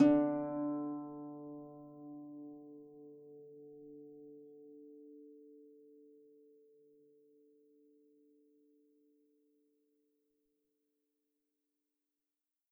<region> pitch_keycenter=50 lokey=50 hikey=51 tune=-1 volume=9.958482 xfin_lovel=70 xfin_hivel=100 ampeg_attack=0.004000 ampeg_release=30.000000 sample=Chordophones/Composite Chordophones/Folk Harp/Harp_Normal_D2_v3_RR1.wav